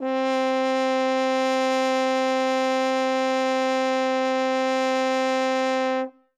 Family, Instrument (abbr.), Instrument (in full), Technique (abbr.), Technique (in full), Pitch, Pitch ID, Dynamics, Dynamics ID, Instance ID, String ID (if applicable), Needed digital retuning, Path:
Brass, Hn, French Horn, ord, ordinario, C4, 60, ff, 4, 0, , FALSE, Brass/Horn/ordinario/Hn-ord-C4-ff-N-N.wav